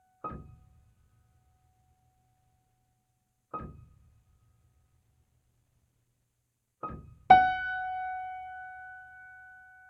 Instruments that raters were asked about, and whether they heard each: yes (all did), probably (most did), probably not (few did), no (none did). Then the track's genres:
clarinet: no
trumpet: no
Experimental; Drone